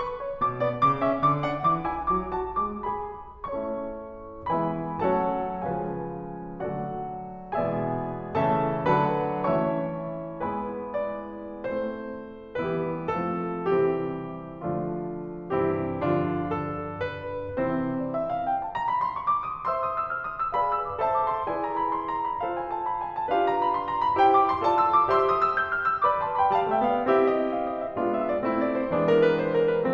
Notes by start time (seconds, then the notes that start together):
0.00 C#6
0.23 C#5
0.42 B2 D6
0.62 B3 D5
0.81 C#3 D6
1.02 C#4 E5
1.24 D3 D6
1.46 D4 F#5
1.65 E3 D6
1.86 E4 G#5
2.10 F#3 D6
2.33 F#4 A5
2.57 G#3 D6
2.84 G#4 B5
3.46 A3 C#4 E4 A4 C#5 E5 A5 C#6
4.49 E3 G#3 B3 E4 B4 E5 G#5 B5
5.03 F#3 A3 C#4 F#4 A4 C#5 F#5 A5
5.63 C#3 F3 G#3 C#4 G#4 B4 F5 G#5
6.56 D3 F#3 A3 D4 F#4 A4 D5 F#5
7.47 B2 E3 G#3 B3 G#4 D5 E5 G#5
8.35 C#3 E3 A3 C#4 A4 E5 A5
8.89 D3 F#3 B3 D4 B4 F#5 A5 B5
9.51 E3 A3 C#4 E4 C#5 E5 A5 C#6
10.52 G#3 B3 E4 B4 G#5 B5
11.01 D5
11.61 A3 C4 E4 A4 C5
12.60 E3 G3 B3 E4 G4 B4
13.13 F3 A3 C4 F4 A4
13.69 C3 E3 G3 C4 E4 G4
14.63 D3 F3 A3 D4 F4
15.52 G2 C3 E3 C4 E4 G4
16.02 D3 F3 D4 F4
16.56 A4
17.11 B4
17.61 C3 E3 C4 E4 C5
17.91 D5
18.08 E5
18.24 F5
18.39 G5
18.58 A5
18.73 A#5
18.85 B5
19.02 C6
19.21 C#6
19.37 D6
19.50 D#6
19.66 C5 E5 C6 E6
19.82 D#6
19.96 E6
20.10 F6
20.25 D#6
20.40 E6
20.54 G#4 B4 D5 F5 B5
20.71 E6
20.90 D6
21.03 A4 C5 E5 A5
21.15 D6
21.32 C6
21.46 E4 G#4 B4 D5 G#5
21.59 A#5
21.77 B5
21.92 C6
22.06 A#5
22.22 B5
22.40 F4 A4 C5 F5
22.51 G#5
22.65 A5
22.79 B5
22.93 G#5
23.10 A5
23.29 D4 F4 G4 B4 F5
23.46 A#5
23.63 B5
23.75 C6
23.88 A#5
24.02 B5
24.18 E4 G4 C5 G5
24.30 D6
24.44 C6
24.61 F4 A4 C5 D5 A5
24.75 E6
24.90 D6
25.05 G4 C5 E5 C6 E6
25.21 D#6
25.36 E6
25.53 G6
25.68 F6
25.86 E6
26.03 B4 D5 B5 D6
26.23 A5 C6
26.37 G5 B5
26.52 G3 F5 A5
26.67 A3 E5 G5
26.81 B3 D5 F5
27.00 C4 E4 G4 E5
27.17 D#5
27.32 E5
27.53 F5
27.64 D#5
27.81 E5
27.95 G#3 B3 D4 F4
28.13 E5
28.31 D5
28.46 A3 C4 E4
28.61 D5
28.76 C5
28.89 E3 G#3 B3 D4
29.05 A#4
29.20 B4
29.37 C5
29.55 A#4
29.73 B4